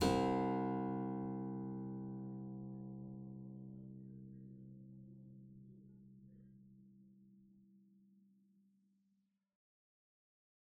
<region> pitch_keycenter=36 lokey=36 hikey=37 volume=1.832042 trigger=attack ampeg_attack=0.004000 ampeg_release=0.350000 amp_veltrack=0 sample=Chordophones/Zithers/Harpsichord, English/Sustains/Lute/ZuckermannKitHarpsi_Lute_Sus_C1_rr1.wav